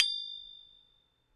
<region> pitch_keycenter=93 lokey=93 hikey=94 volume=8.728749 lovel=100 hivel=127 ampeg_attack=0.004000 ampeg_release=30.000000 sample=Idiophones/Struck Idiophones/Tubular Glockenspiel/A1_loud1.wav